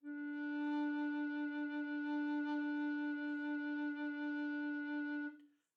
<region> pitch_keycenter=62 lokey=62 hikey=63 tune=-1 volume=8.312453 offset=1103 ampeg_attack=0.004000 ampeg_release=0.300000 sample=Aerophones/Edge-blown Aerophones/Baroque Tenor Recorder/SusVib/TenRecorder_SusVib_D3_rr1_Main.wav